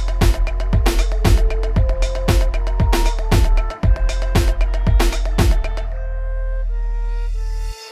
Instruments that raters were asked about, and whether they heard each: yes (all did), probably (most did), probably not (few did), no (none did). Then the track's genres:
flute: probably not
Electronic